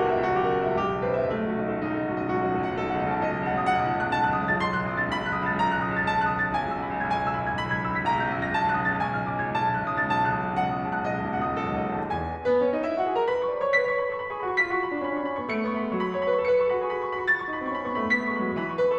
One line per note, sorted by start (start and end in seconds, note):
0.00 0.16 C#2
0.00 0.21 A#4
0.09 0.27 B1
0.14 0.36 C#2
0.14 0.38 E5
0.27 0.43 B1
0.27 0.48 F#4
0.37 0.50 C#2
0.37 0.58 G4
0.44 0.57 B1
0.51 0.63 C#2
0.51 0.68 A#4
0.57 0.70 B1
0.57 0.87 E5
0.64 0.81 C#2
0.73 0.94 B1
0.73 0.99 G4
0.87 1.00 C#2
0.87 1.11 G#4
0.94 1.09 B1
1.02 1.16 C#2
1.02 1.22 B4
1.10 1.24 B1
1.10 1.32 E5
1.17 1.30 C#2
1.24 1.37 B1
1.24 1.44 A3
1.31 1.45 C#2
1.31 1.56 F#4
1.38 1.53 B1
1.46 1.61 C#2
1.46 1.71 D#4
1.53 1.72 B1
1.53 1.82 A4
1.63 1.80 C#2
1.73 1.90 B1
1.73 1.96 D#4
1.81 1.96 C#2
1.81 2.10 A4
1.90 2.07 B1
1.97 2.15 C#2
1.97 2.23 F#4
2.09 2.25 B1
2.09 2.35 D#5
2.15 2.32 C#2
2.25 2.38 B1
2.25 2.45 F#4
2.33 2.46 C#2
2.33 2.57 D#5
2.39 2.53 B1
2.46 2.64 C#2
2.46 2.73 A4
2.54 2.74 B1
2.59 2.84 F#5
2.65 2.82 C#2
2.75 2.88 B1
2.75 2.94 A4
2.82 2.95 C#2
2.82 3.10 F#5
2.89 3.05 B1
2.96 3.15 C#2
2.96 3.20 D#5
3.07 3.20 B1
3.12 3.31 C#2
3.12 3.33 A5
3.22 3.37 B1
3.22 3.45 D#5
3.32 3.47 C#2
3.32 3.60 A5
3.38 3.55 B1
3.47 3.63 C#2
3.47 3.69 F#5
3.56 3.70 B1
3.61 3.83 C#2
3.61 3.85 D#6
3.72 3.90 B1
3.72 3.99 F#5
3.83 4.01 C#2
3.83 4.13 D#6
3.91 4.11 B1
4.02 4.20 C#2
4.02 4.28 A5
4.12 4.28 B1
4.12 4.39 F#6
4.20 4.37 C#2
4.30 4.44 B1
4.30 4.50 A5
4.38 4.52 C#2
4.38 4.60 F#6
4.46 4.57 B1
4.52 4.67 C#2
4.52 4.73 D#6
4.59 4.74 B1
4.64 4.81 C#2
4.64 4.83 A6
4.74 4.86 B1
4.74 4.92 C6
4.81 4.93 C#2
4.81 5.03 F#6
4.88 5.00 B1
4.95 5.07 C#2
4.95 5.14 D#6
5.00 5.14 B1
5.05 5.25 C#2
5.05 5.27 A6
5.18 5.33 B1
5.18 5.40 B5
5.26 5.40 C#2
5.26 5.48 F#6
5.33 5.46 B1
5.41 5.53 C#2
5.41 5.60 D#6
5.47 5.61 B1
5.47 5.71 A6
5.54 5.67 C#2
5.61 5.75 B1
5.61 5.83 A#5
5.69 5.84 C#2
5.69 5.96 F#6
5.76 5.93 B1
5.85 6.00 C#2
5.85 6.07 D#6
5.93 6.08 B1
5.93 6.19 A6
6.03 6.15 C#2
6.10 6.23 B1
6.10 6.34 A5
6.18 6.34 C#2
6.18 6.48 F#6
6.23 6.46 B1
6.37 6.52 C#2
6.37 6.59 D#6
6.47 6.61 B1
6.47 6.73 A6
6.54 6.71 C#2
6.61 6.79 B1
6.61 6.85 G#5
6.72 6.97 C#2
6.78 7.04 B1
6.78 7.06 E6
6.98 7.09 C#2
6.98 7.15 B5
7.04 7.16 B1
7.04 7.26 G#6
7.11 7.23 C#2
7.17 7.30 B1
7.17 7.36 G#5
7.24 7.36 C#2
7.24 7.45 E6
7.30 7.43 B1
7.37 7.50 C#2
7.37 7.56 B5
7.44 7.58 B1
7.44 7.67 G#6
7.50 7.64 C#2
7.58 7.72 B1
7.58 7.78 B5
7.65 7.79 C#2
7.70 7.85 B1
7.70 7.88 G#6
7.79 7.92 C#2
7.79 7.98 E6
7.86 7.99 B1
7.86 8.10 B6
7.93 8.08 C#2
8.00 8.14 B1
8.00 8.23 A#5
8.08 8.24 C#2
8.08 8.37 G6
8.15 8.35 B1
8.25 8.45 C#2
8.25 8.52 E6
8.36 8.52 B1
8.43 8.59 C#2
8.43 8.63 A#6
8.53 8.67 B1
8.53 8.73 A5
8.60 8.74 C#2
8.65 8.80 B1
8.65 8.86 F#6
8.74 8.93 C#2
8.74 8.99 D#6
8.81 9.00 B1
8.87 9.09 A6
8.94 9.07 C#2
9.01 9.13 B1
9.01 9.22 G#5
9.07 9.24 C#2
9.07 9.38 F6
9.14 9.33 B1
9.25 9.43 C#2
9.25 9.50 D6
9.35 9.50 B1
9.39 9.64 C#2
9.39 9.67 G#6
9.57 9.76 B1
9.57 9.83 A5
9.66 9.85 C#2
9.66 9.95 F#6
9.78 9.91 B1
9.85 10.01 C#2
9.85 10.07 D#6
9.93 10.08 B1
9.97 10.21 A6
10.02 10.18 C#2
10.08 10.24 B1
10.08 10.31 A5
10.18 10.32 C#2
10.18 10.41 F#6
10.25 10.39 B1
10.33 10.45 C#2
10.33 10.55 D#6
10.39 10.55 B1
10.39 10.66 A6
10.46 10.63 C#2
10.58 10.72 B1
10.58 10.79 F#5
10.65 10.79 C#2
10.65 10.89 D#6
10.72 10.87 B1
10.80 10.94 C#2
10.80 10.99 A5
10.88 11.01 B1
10.88 11.12 F#6
10.95 11.09 C#2
11.01 11.16 B1
11.01 11.24 D#5
11.10 11.25 C#2
11.10 11.49 A5
11.18 11.32 B1
11.26 11.53 C#2
11.26 11.59 F#5
11.32 11.60 B1
11.51 11.74 C#2
11.51 11.77 D#6
11.64 11.82 B1
11.64 11.89 A4
11.75 11.89 C#2
11.75 11.98 F#5
11.82 11.96 B1
11.90 12.04 C#2
11.90 12.11 D#5
11.97 12.12 B1
12.02 12.32 D#2
12.02 12.36 A5
12.12 12.38 E2
12.12 12.53 G#5
12.39 12.54 B3
12.39 12.69 B4
12.61 12.69 C#4
12.61 12.79 C#5
12.70 12.81 D#4
12.70 12.91 D#5
12.82 12.96 E4
12.82 13.05 E5
12.96 13.05 F#4
12.96 13.14 F#5
13.06 13.17 G#4
13.06 13.28 G#5
13.18 13.28 A#4
13.18 13.28 A#5
13.29 13.64 B4
13.29 13.46 B5
13.40 13.53 C#6
13.47 13.61 B5
13.53 13.76 D5
13.53 13.70 C#6
13.62 13.77 B5
13.66 13.87 C#5
13.71 13.85 C#6
13.78 13.97 B4
13.78 13.91 B5
13.78 14.16 B6
13.85 14.08 C#5
13.85 13.98 C#6
13.92 14.06 B5
14.00 14.16 B4
14.00 14.13 C#6
14.07 14.26 A4
14.07 14.16 B5
14.13 14.23 C#6
14.18 14.37 G#4
14.18 14.32 B5
14.25 14.38 C#6
14.29 14.47 A4
14.29 14.43 B5
14.38 14.59 G#4
14.38 14.50 C#6
14.44 14.69 F#4
14.44 14.61 B5
14.52 14.66 C#6
14.62 14.78 F4
14.62 14.72 B5
14.62 14.99 B6
14.66 14.87 F#4
14.66 14.79 C#6
14.73 14.85 B5
14.80 14.99 F4
14.80 14.92 C#6
14.86 15.14 D4
14.86 14.99 B5
14.92 15.12 C#6
15.00 15.27 C#4
15.00 15.19 B5
15.13 15.37 D4
15.13 15.28 C#6
15.19 15.34 B5
15.28 15.51 C#4
15.28 15.43 C#6
15.36 15.52 B5
15.41 15.62 B3
15.41 15.58 C#6
15.52 15.74 A3
15.52 15.66 B5
15.52 15.95 C#7
15.59 15.85 B3
15.59 15.75 C#6
15.70 15.82 B5
15.78 15.94 A3
15.78 15.88 C#6
15.82 16.06 G#3
15.82 15.95 B5
15.89 16.03 C#6
15.96 16.25 F#3
15.96 16.10 B5
16.04 16.15 C#6
16.10 16.22 B5
16.16 16.37 C#5
16.16 16.31 C#6
16.23 16.38 B5
16.28 16.47 B4
16.32 16.44 C#6
16.38 16.58 A4
16.38 16.51 B5
16.38 16.78 C#7
16.45 16.67 B4
16.45 16.59 C#6
16.52 16.65 B5
16.60 16.76 A4
16.60 16.71 C#6
16.65 16.88 G#4
16.65 16.78 B5
16.72 16.86 C#6
16.79 17.02 F#4
16.79 16.95 B5
16.87 17.11 G#4
16.87 17.02 C#6
16.95 17.09 B5
17.03 17.23 F#4
17.03 17.17 C#6
17.10 17.38 F4
17.10 17.24 B5
17.18 17.36 C#6
17.24 17.51 F#4
17.24 17.44 B5
17.24 17.69 A6
17.37 17.61 E4
17.37 17.52 C#6
17.45 17.60 B5
17.53 17.69 D#4
17.53 17.65 C#6
17.60 17.79 C#4
17.60 17.69 B5
17.66 17.76 C#6
17.71 17.89 B3
17.71 17.83 B5
17.76 17.98 C#4
17.76 17.89 C#6
17.83 17.96 B5
17.90 18.11 B3
17.90 18.07 C#6
17.97 18.11 B5
18.04 18.24 A3
18.04 18.22 C#6
18.15 18.34 G#3
18.15 18.29 B5
18.15 18.54 B6
18.23 18.45 A3
18.23 18.36 C#6
18.30 18.41 B5
18.36 18.53 G#3
18.36 18.48 C#6
18.43 18.61 F#3
18.43 18.54 B5
18.49 18.60 C#6
18.55 18.85 E3
18.55 18.65 B5
18.60 18.75 C#6
18.66 18.82 B5
18.76 18.97 B4
18.76 18.90 C#6
18.83 18.98 A4
18.83 18.97 B5
18.90 18.98 C#6